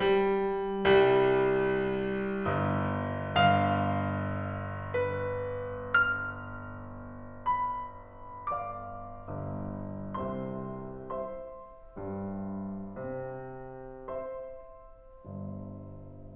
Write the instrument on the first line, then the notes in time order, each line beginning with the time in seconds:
piano
0.01 G3
0.88 C2 G3
2.48 G1
3.15 G1 F5
4.99 B4
5.94 F6
7.50 B5
8.38 D5 F5 D6
9.17 G1 G2
10.22 C2 C3 C5 E5 C6
11.17 C5 E5 C6
11.99 G2 G3
12.99 C3 C4
14.11 C5 E5 C6
15.26 G1 G2